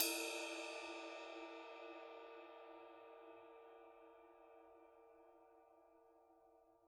<region> pitch_keycenter=70 lokey=70 hikey=70 volume=11.030114 lovel=100 hivel=127 ampeg_attack=0.004000 ampeg_release=30 sample=Idiophones/Struck Idiophones/Suspended Cymbal 1/susCymb1_hit_stick_f1.wav